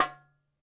<region> pitch_keycenter=61 lokey=61 hikey=61 volume=5.335787 lovel=84 hivel=127 seq_position=2 seq_length=2 ampeg_attack=0.004000 ampeg_release=30.000000 sample=Membranophones/Struck Membranophones/Darbuka/Darbuka_2_hit_vl2_rr2.wav